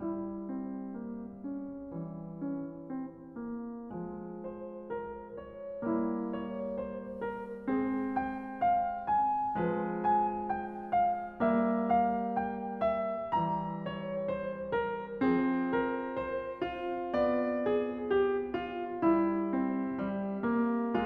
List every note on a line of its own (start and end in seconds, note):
0.00 3.97 E4
0.56 0.94 C4
0.94 1.40 A#3
1.40 1.94 C#4
1.89 3.84 E3
1.94 2.47 G3
2.47 2.96 C#4
2.96 3.39 C4
3.39 3.89 A#3
3.84 5.78 F3
3.89 5.82 G#3
4.57 4.89 C5
4.89 5.36 A#4
5.36 5.91 C#5
5.78 7.62 G3
5.78 7.71 A#3
5.91 6.30 E4
6.30 6.82 C#5
6.82 7.22 C5
7.22 7.83 A#4
7.62 9.57 G#3
7.71 9.60 C4
7.83 8.12 G#4
8.12 8.66 G5
8.66 9.11 F5
9.11 9.69 G#5
9.57 11.35 F3
9.57 11.40 G#3
9.69 9.97 B4
9.97 10.54 G#5
10.54 10.94 G5
10.94 11.53 F5
11.35 13.24 G3
11.40 13.27 A#3
11.53 11.91 E5
11.91 12.38 F5
12.38 13.04 G5
13.04 13.41 E5
13.24 15.24 E3
13.24 15.29 G3
13.41 13.86 A#5
13.86 14.33 C#5
14.33 14.73 C5
14.73 15.37 A#4
15.24 18.98 F3
15.24 16.94 C4
15.37 15.73 G#4
15.73 16.15 A#4
16.15 16.60 C5
16.60 17.11 F4
16.94 18.98 B3
17.11 17.65 D5
17.65 18.18 G#4
18.18 18.62 G4
18.62 19.11 F4
18.98 20.79 G3
19.11 21.06 E4
19.57 20.00 C4
20.00 20.43 G3
20.43 20.96 A#3
20.96 21.06 G#3